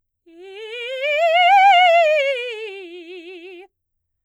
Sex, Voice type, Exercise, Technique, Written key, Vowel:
female, soprano, scales, fast/articulated forte, F major, i